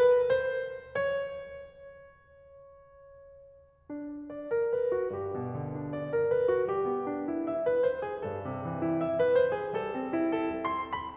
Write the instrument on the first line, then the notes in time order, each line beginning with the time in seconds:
piano
0.01 B4
0.30 C5
0.86 C#5
3.92 D4
4.34 D5
4.52 A#4
4.74 B4
4.93 F#4
5.13 G2 G4
5.33 B2
5.55 D3
5.76 D4
5.93 D5
6.10 A#4
6.29 B4
6.50 F#4
6.68 G3 G4
6.88 B3
7.09 D4
7.28 E4
7.47 E5
7.64 B4
7.80 C5
8.04 G#4
8.24 G2 A4
8.41 C3
8.59 E3
8.81 E4
9.03 E5
9.20 B4
9.37 C5
9.59 G#4
9.76 G3 A4
9.95 C4
10.17 E4
10.41 A4
10.67 C6
11.00 B5